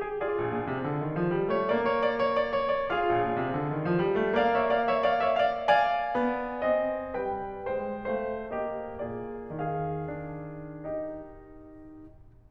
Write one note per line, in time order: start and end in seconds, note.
0.00 0.17 G#4
0.17 1.56 F4
0.17 1.56 G#4
0.17 1.56 D5
0.33 0.52 A#1
0.52 0.67 A#2
0.67 0.84 C3
0.84 1.00 D3
1.00 1.18 D#3
1.20 1.35 F3
1.36 1.56 G3
1.57 1.90 A3
1.57 1.75 C#5
1.76 1.90 D5
1.90 3.13 A#3
1.90 2.05 C#5
2.07 2.25 D5
2.25 2.36 C#5
2.36 2.54 D5
2.55 2.76 C#5
2.76 2.93 D5
2.94 4.21 F4
2.94 4.21 G#4
2.94 4.41 D5
2.94 4.41 F5
3.13 3.32 A#1
3.33 3.41 A#2
3.42 3.53 C3
3.54 3.73 D3
3.74 3.85 D#3
3.87 4.03 F3
4.04 4.21 G3
4.21 4.62 A3
4.42 4.62 D5
4.42 4.62 F5
4.62 6.14 A#3
4.62 4.78 C#5
4.62 4.78 E5
4.79 4.93 D5
4.79 4.93 F5
4.93 5.10 C#5
4.93 5.10 E5
5.12 5.26 D5
5.12 5.26 F5
5.27 5.47 C#5
5.27 5.47 E5
5.48 5.65 D5
5.48 5.65 F5
5.67 6.65 D5
5.67 6.65 F5
5.67 7.21 G#5
6.15 6.65 B3
6.66 7.21 C4
6.66 7.21 D#5
7.22 7.66 G3
7.22 7.66 B4
7.22 7.66 G5
7.67 8.09 G#3
7.67 8.09 C5
7.67 8.09 G5
8.10 8.49 A3
8.10 8.49 C5
8.10 8.49 F5
8.50 10.02 A#3
8.50 8.96 G4
8.50 8.96 D#5
8.99 9.44 A#2
8.99 9.44 F4
8.99 9.44 G#4
8.99 9.44 D5
9.45 12.50 D#3
9.45 10.88 G#4
9.45 10.88 F5
10.03 10.88 D4
10.90 12.50 D#4
10.90 12.50 G4
10.90 12.50 D#5